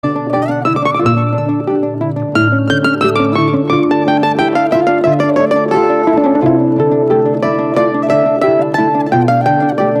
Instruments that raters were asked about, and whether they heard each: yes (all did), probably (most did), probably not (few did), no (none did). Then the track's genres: mandolin: probably
Metal